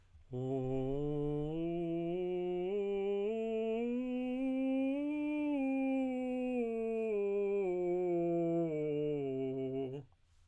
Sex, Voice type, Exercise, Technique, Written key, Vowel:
male, tenor, scales, straight tone, , o